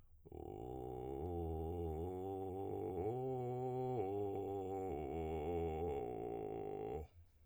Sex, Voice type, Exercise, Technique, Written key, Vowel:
male, tenor, arpeggios, vocal fry, , u